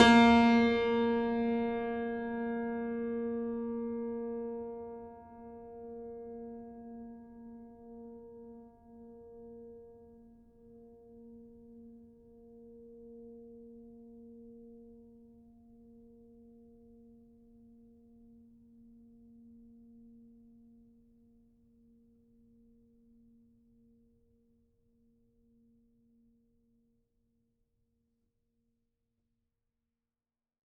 <region> pitch_keycenter=58 lokey=58 hikey=59 volume=-0.748672 lovel=100 hivel=127 locc64=65 hicc64=127 ampeg_attack=0.004000 ampeg_release=0.400000 sample=Chordophones/Zithers/Grand Piano, Steinway B/Sus/Piano_Sus_Close_A#3_vl4_rr1.wav